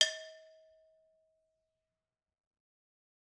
<region> pitch_keycenter=62 lokey=62 hikey=62 volume=7.843380 offset=262 lovel=84 hivel=127 ampeg_attack=0.004000 ampeg_release=10.000000 sample=Idiophones/Struck Idiophones/Brake Drum/BrakeDrum1_Susp_v3_rr1_Mid.wav